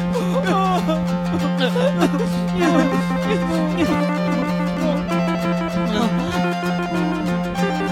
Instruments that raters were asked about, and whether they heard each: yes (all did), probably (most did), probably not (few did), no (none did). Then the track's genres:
mandolin: no
ukulele: probably
Noise; Singer-Songwriter; Chip Music